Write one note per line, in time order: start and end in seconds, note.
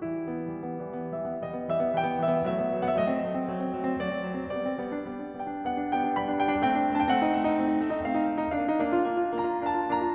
0.00 0.20 E3
0.00 0.20 G3
0.00 0.81 E4
0.20 0.41 B3
0.42 0.72 E3
0.42 0.72 G3
0.72 0.81 B3
0.82 0.93 E3
0.82 0.93 G3
0.93 1.13 B3
1.13 1.28 E3
1.13 1.28 G3
1.13 1.40 E5
1.29 1.40 B3
1.40 1.54 E3
1.40 1.54 G3
1.40 1.71 D#5
1.54 1.71 B3
1.72 1.81 E3
1.72 1.81 G3
1.72 1.94 E5
1.81 1.94 B3
1.95 2.05 E3
1.95 2.05 G3
1.95 2.19 G5
2.05 2.19 B3
2.19 2.31 E3
2.19 2.31 G3
2.19 2.45 E5
2.32 2.45 B3
2.45 2.55 F#3
2.45 2.55 A3
2.45 2.88 E5
2.57 2.77 B3
2.77 2.88 F#3
2.77 2.88 A3
2.88 2.98 C4
2.88 2.93 F#5
2.93 2.98 E5
3.00 3.13 F#3
3.00 3.13 A3
3.00 3.91 D#5
3.13 3.25 C4
3.25 3.37 F#3
3.25 3.37 A3
3.37 3.49 C4
3.49 3.59 F#3
3.49 3.59 A3
3.60 3.70 C4
3.70 3.81 F#3
3.70 3.81 A3
3.81 3.91 C4
3.92 4.04 F#3
3.92 4.04 A3
3.92 4.53 D5
4.04 4.25 C4
4.26 4.35 F#3
4.26 4.35 A3
4.35 4.53 C4
4.53 4.63 G3
4.53 4.63 B3
4.53 5.32 D5
4.66 4.78 C4
4.78 4.90 G3
4.78 4.90 B3
4.96 5.10 D4
5.10 5.21 G3
5.10 5.21 B3
5.21 5.32 D4
5.33 5.46 G3
5.33 5.46 B3
5.33 5.74 G5
5.46 5.74 D4
5.74 5.84 G3
5.74 5.84 B3
5.74 5.96 F#5
5.85 5.96 D4
5.96 6.06 G3
5.96 6.06 B3
5.96 6.18 G5
6.08 6.18 D4
6.18 6.28 G3
6.18 6.28 B3
6.18 6.40 B5
6.28 6.40 D4
6.41 6.52 G3
6.41 6.52 B3
6.41 6.69 G5
6.52 6.69 D4
6.70 6.83 A3
6.70 6.83 C4
6.70 7.06 G5
6.83 6.95 D4
6.95 7.06 A3
6.95 7.06 C4
7.07 7.16 D#4
7.07 7.12 A5
7.12 7.16 G5
7.16 7.27 A3
7.16 7.27 C4
7.16 8.03 F#5
7.27 7.38 D#4
7.38 7.49 A3
7.38 7.49 C4
7.49 7.58 D#4
7.59 7.71 A3
7.59 7.71 C4
7.71 7.81 D#4
7.81 7.89 A3
7.81 7.89 C4
7.91 8.03 D#4
8.03 8.14 A3
8.03 8.14 C4
8.03 8.54 F5
8.15 8.27 D#4
8.27 8.42 A3
8.27 8.42 C4
8.42 8.54 D#4
8.56 8.63 A#3
8.56 8.63 D4
8.56 9.29 F5
8.63 8.73 D#4
8.74 8.92 A#3
8.74 8.92 D4
8.92 9.09 F4
9.09 9.17 A#3
9.09 9.17 D4
9.18 9.29 F4
9.29 9.44 A#3
9.29 9.44 D4
9.29 9.65 A#5
9.44 9.65 F4
9.66 9.76 A#3
9.66 9.76 D4
9.66 9.88 A5
9.76 9.88 F4
9.89 10.01 A#3
9.89 10.01 D4
9.89 10.15 A#5
10.01 10.15 F4